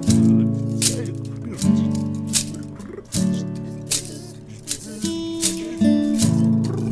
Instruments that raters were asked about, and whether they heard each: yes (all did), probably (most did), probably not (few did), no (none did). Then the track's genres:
banjo: no
mandolin: no
Experimental